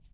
<region> pitch_keycenter=64 lokey=64 hikey=64 volume=20.004522 seq_position=2 seq_length=2 ampeg_attack=0.004000 ampeg_release=30.000000 sample=Idiophones/Struck Idiophones/Shaker, Small/Mid_ShakerHighFaster_Down_rr2.wav